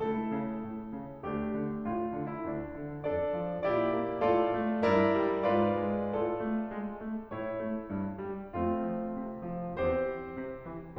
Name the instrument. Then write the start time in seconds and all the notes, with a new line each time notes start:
piano
0.00 C#2 A3 E4 A4
0.33 C#3
0.59 A2
0.91 C#3
1.24 D2 A3 D4 G4
1.57 D3
1.87 A2 F4
2.15 D3
2.31 E4
2.47 D2 D4
2.80 D3
3.09 F2 D4 A4 D5
3.41 F3
3.66 A#2 E4 G4 D5
3.89 A#3
4.23 A2 F4 A4 D5
4.56 A3
4.89 G2 E4 A#4 D5
5.17 G3
5.47 G#2 F4 B4 D5
5.80 G#3
6.13 A2 F4 A4 D5
6.40 A3
6.70 G#3
6.99 A3
7.34 A2 E4 C#5
7.66 A3
7.88 G2
8.24 G3
8.57 F2 A3 C4 F4
8.87 F3
9.17 C3
9.45 F3
9.75 E2 C4 G4 C5
10.08 E3
10.36 C3
10.67 E3